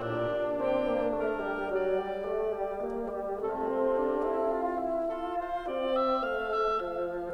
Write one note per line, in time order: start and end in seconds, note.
0.00 0.26 A#2
0.00 1.21 A#2
0.00 0.63 D4
0.00 1.20 D4
0.00 1.21 G4
0.00 1.20 D5
0.26 0.63 D4
0.63 0.99 C4
0.63 1.21 G4
0.99 1.21 A#3
1.21 1.47 A3
1.21 1.68 A#4
1.47 1.68 G3
1.68 1.88 F#3
1.68 2.74 D5
1.88 2.19 G3
2.19 2.45 A3
2.45 2.74 G3
2.74 3.01 A#3
3.01 3.53 G3
3.53 4.55 C3
3.53 3.81 A3
3.53 4.54 C4
3.53 4.55 F4
3.53 4.54 A4
3.81 4.03 C4
4.03 4.26 D4
4.26 4.55 E4
4.55 4.86 F4
4.86 5.17 E4
5.17 5.62 F4
5.17 5.38 A4
5.38 5.62 C5
5.62 6.36 C4
5.62 6.15 D5
6.15 6.36 E5
6.36 6.83 A3
6.36 6.56 F5
6.56 6.83 E5
6.83 7.34 F3
6.83 7.34 F5